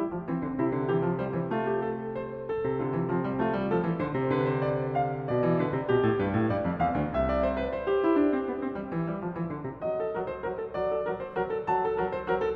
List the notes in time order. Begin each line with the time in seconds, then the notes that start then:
0.00 G3 E4
0.09 F3
0.29 E3 C4
0.42 D3
0.59 C3 E4
0.72 D3
0.91 E3 G4
1.06 F3
1.20 G3 C5
1.34 E3
1.52 A3 F4
1.67 G4
1.85 A4
2.15 C5
2.52 A4
2.68 C3
2.83 D3 F4
3.00 E3
3.12 F3 C4
3.26 G3
3.40 A3 F4
3.52 G3
3.68 F3 A4
3.82 E3
3.97 D3 C5
4.14 C3
4.32 D3 B4
4.50 C5
4.66 D5
4.95 F5
5.28 B2 D5
5.46 E3
5.61 D3 B4
5.77 C3
5.90 B2 G4
5.99 A2
6.19 G2 B4
6.33 A2
6.48 G2 D5
6.64 F2
6.78 E2 F5
6.94 D2
7.15 C2 E5
7.33 D5
7.41 C5
7.57 B4
7.74 C5
7.88 G4
8.02 E4
8.16 D4
8.31 C4
8.49 B3
8.59 C4
8.74 G3
8.92 E3
9.08 G3
9.23 F3
9.36 E3
9.50 D3
9.65 C3
9.83 F#3 D#5
9.98 A4
10.08 F#3 A#4
10.26 C5
10.43 F#3 A#4
10.60 A4
10.77 F#3 D5
10.97 A4
11.13 F#3 A#4
11.20 C5
11.31 F#3 A#4
11.53 A4
11.66 F#3 A5
11.84 A4
11.98 F#3 A#4
12.12 C5
12.27 F#3 A#4
12.46 A4